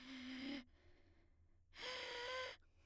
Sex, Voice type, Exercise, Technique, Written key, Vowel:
female, soprano, long tones, inhaled singing, , e